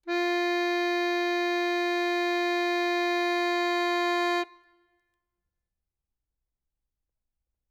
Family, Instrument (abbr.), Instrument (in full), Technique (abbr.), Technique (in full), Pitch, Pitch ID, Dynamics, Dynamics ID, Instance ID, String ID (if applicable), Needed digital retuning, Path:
Keyboards, Acc, Accordion, ord, ordinario, F4, 65, ff, 4, 0, , FALSE, Keyboards/Accordion/ordinario/Acc-ord-F4-ff-N-N.wav